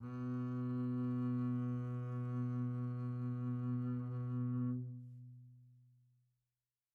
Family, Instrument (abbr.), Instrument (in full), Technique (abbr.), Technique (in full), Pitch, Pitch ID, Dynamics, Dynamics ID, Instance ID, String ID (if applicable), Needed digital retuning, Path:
Strings, Cb, Contrabass, ord, ordinario, B2, 47, pp, 0, 1, 2, FALSE, Strings/Contrabass/ordinario/Cb-ord-B2-pp-2c-N.wav